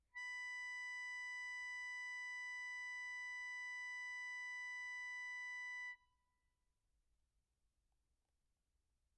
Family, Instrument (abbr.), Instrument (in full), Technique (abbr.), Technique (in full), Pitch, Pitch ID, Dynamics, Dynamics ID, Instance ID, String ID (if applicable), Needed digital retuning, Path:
Keyboards, Acc, Accordion, ord, ordinario, B5, 83, pp, 0, 0, , FALSE, Keyboards/Accordion/ordinario/Acc-ord-B5-pp-N-N.wav